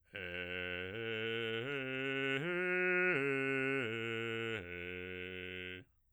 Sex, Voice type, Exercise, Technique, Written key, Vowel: male, bass, arpeggios, slow/legato piano, F major, e